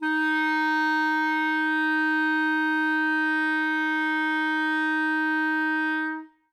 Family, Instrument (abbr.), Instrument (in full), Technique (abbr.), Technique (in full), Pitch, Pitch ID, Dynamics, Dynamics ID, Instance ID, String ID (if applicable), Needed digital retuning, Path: Winds, ClBb, Clarinet in Bb, ord, ordinario, D#4, 63, ff, 4, 0, , TRUE, Winds/Clarinet_Bb/ordinario/ClBb-ord-D#4-ff-N-T20u.wav